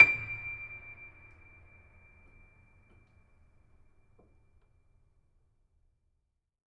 <region> pitch_keycenter=98 lokey=98 hikey=99 volume=0.085506 lovel=66 hivel=99 locc64=65 hicc64=127 ampeg_attack=0.004000 ampeg_release=0.400000 sample=Chordophones/Zithers/Grand Piano, Steinway B/Sus/Piano_Sus_Close_D7_vl3_rr1.wav